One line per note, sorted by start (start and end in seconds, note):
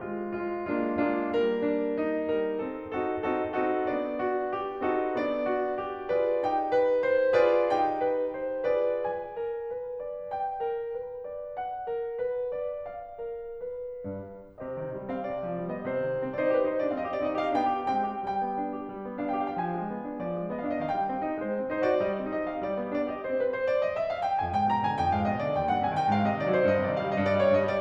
0.00 0.38 G#3
0.00 0.38 C4
0.00 0.38 F4
0.38 0.67 G#3
0.38 0.67 C4
0.38 0.67 F4
0.67 1.02 G#3
0.67 1.02 A#3
0.67 1.02 D4
0.67 1.02 F4
1.02 1.29 G#3
1.02 1.29 A#3
1.02 1.61 D4
1.02 1.29 F4
1.29 2.31 G3
1.29 2.31 A#3
1.29 2.31 A#4
1.61 1.99 D4
1.99 2.62 D#4
2.31 2.62 G3
2.31 2.62 A#4
2.62 2.96 C4
2.62 2.96 D#4
2.62 2.96 A4
2.96 3.27 C4
2.96 3.27 D#4
2.96 3.27 F#4
2.96 3.27 A4
3.27 3.60 C4
3.27 3.60 D#4
3.27 3.60 F#4
3.27 3.60 A4
3.60 3.92 C4
3.60 3.92 D#4
3.60 4.26 F#4
3.60 3.92 A4
3.92 4.88 B3
3.92 4.88 D4
3.92 4.88 D5
4.26 4.56 F#4
4.56 4.88 G4
4.88 5.17 C4
4.88 5.17 D#4
4.88 5.49 F#4
4.88 5.17 A4
5.17 6.13 B3
5.17 6.13 D4
5.17 6.13 D5
5.49 5.78 F#4
5.78 6.13 G4
6.13 6.41 F4
6.13 6.41 G#4
6.13 6.70 B4
6.13 6.41 D5
6.41 7.38 D#4
6.41 7.38 G4
6.41 7.38 G5
6.70 7.05 B4
7.06 7.38 C5
7.38 7.70 F4
7.38 7.70 G#4
7.38 7.98 B4
7.38 7.70 D5
7.71 8.67 D#4
7.71 8.67 G4
7.71 8.67 G5
7.98 8.36 B4
8.38 8.67 C5
8.67 9.01 F4
8.67 9.01 G#4
8.67 9.38 B4
8.67 9.01 D5
9.02 10.32 G#5
9.38 9.73 A#4
9.74 10.05 B4
10.05 10.32 D5
10.33 11.56 G5
10.65 10.90 A#4
10.91 11.23 B4
11.23 11.56 D5
11.58 12.92 F#5
11.91 12.24 A#4
12.24 12.55 B4
12.55 12.92 D5
12.92 14.59 F5
13.26 13.63 A#4
13.63 14.59 B4
14.05 14.59 G2
14.59 14.73 C3
14.59 15.09 G4
14.59 15.09 C5
14.59 15.09 D#5
14.74 14.93 D#3
14.93 15.09 G3
15.09 15.28 C4
15.09 15.28 F5
15.28 15.42 C3
15.28 15.70 D5
15.43 15.55 F3
15.56 15.70 G3
15.71 15.84 B3
15.71 15.84 D#5
15.84 15.96 C3
15.84 16.38 C5
15.96 16.10 D#3
16.10 16.24 G3
16.24 16.38 C4
16.38 16.53 D#4
16.38 16.53 C5
16.38 16.42 D5
16.53 16.66 G4
16.53 16.66 B4
16.66 16.79 D#4
16.66 16.79 C5
16.79 16.92 D4
16.79 16.92 D5
16.92 17.06 C4
16.92 17.06 D#5
16.92 16.95 F5
17.07 17.22 G4
17.07 17.22 D5
17.23 17.36 C4
17.23 17.36 D#4
17.23 17.36 D#5
17.37 17.52 G4
17.37 17.52 F5
17.52 17.67 B3
17.52 17.67 D4
17.52 17.86 G5
17.67 17.86 G4
17.86 18.04 G#3
17.86 18.04 C4
17.86 18.22 G5
18.04 18.22 G4
18.22 18.43 G3
18.22 19.20 G5
18.43 18.61 B3
18.61 18.78 D4
18.78 18.98 G4
18.98 19.09 G3
19.09 19.20 B3
19.21 19.34 D4
19.21 19.34 F5
19.35 19.55 G4
19.35 19.55 G5
19.56 19.74 F3
19.56 19.66 F5
19.66 19.74 G5
19.74 19.89 G#3
19.74 20.22 G#5
19.89 20.06 B3
20.06 20.22 D4
20.22 20.38 F3
20.22 20.51 D5
20.38 20.51 G#3
20.51 20.64 B3
20.51 20.64 D#5
20.64 20.81 D4
20.64 20.81 F5
20.81 20.94 D#3
20.81 20.86 D#5
20.86 20.94 F5
20.94 21.12 G#3
20.94 21.41 G5
21.15 21.27 C4
21.27 21.41 D#4
21.43 21.56 G#3
21.43 21.72 C5
21.56 21.72 C4
21.72 21.91 D#4
21.72 21.91 C5
21.91 22.06 F#4
21.91 22.06 D5
22.06 22.19 G3
22.06 22.33 D#5
22.19 22.33 C4
22.33 22.49 D#4
22.33 22.49 D#5
22.49 22.65 G4
22.49 22.65 F5
22.65 22.81 G3
22.65 22.95 D5
22.81 22.95 B3
22.95 23.12 D4
22.95 23.12 D5
23.13 23.25 G4
23.13 23.25 D#5
23.27 23.52 C4
23.27 23.41 C5
23.42 23.52 B4
23.52 23.67 C5
23.67 23.86 D5
23.86 24.01 D#5
24.01 24.14 E5
24.14 24.26 F5
24.26 24.42 G5
24.42 24.56 F2
24.42 24.56 G#5
24.56 24.69 G#2
24.56 24.69 G5
24.69 24.83 B2
24.69 24.83 A#5
24.83 25.00 D3
24.83 25.00 G#5
25.01 25.15 F2
25.01 25.15 G5
25.16 25.31 G#2
25.16 25.31 F5
25.31 25.44 B2
25.31 25.44 D#5
25.44 25.55 D3
25.44 25.55 D5
25.55 25.69 D#2
25.55 25.69 G5
25.69 25.82 G2
25.69 25.82 F#5
25.82 25.96 C3
25.82 25.96 G#5
25.96 26.11 D#3
25.96 26.11 G5
26.11 26.26 G#2
26.11 26.26 F5
26.26 26.40 C3
26.26 26.40 D#5
26.40 26.53 D#3
26.40 26.53 D5
26.53 26.63 F#3
26.53 26.63 C5
26.64 26.81 G2
26.64 26.81 D#5
26.82 26.95 C3
26.82 26.95 D5
26.96 27.10 D#3
26.96 27.10 F5
27.10 27.21 G3
27.10 27.21 D#5
27.21 27.36 G2
27.21 27.36 D5
27.36 27.54 G3
27.36 27.54 C#5
27.54 27.67 G2
27.54 27.67 D#5
27.67 27.82 G3
27.67 27.82 D5